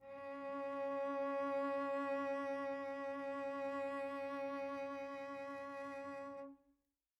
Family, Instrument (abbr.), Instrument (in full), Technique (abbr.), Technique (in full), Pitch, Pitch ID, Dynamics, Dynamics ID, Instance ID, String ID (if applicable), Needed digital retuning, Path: Strings, Vc, Cello, ord, ordinario, C#4, 61, pp, 0, 2, 3, FALSE, Strings/Violoncello/ordinario/Vc-ord-C#4-pp-3c-N.wav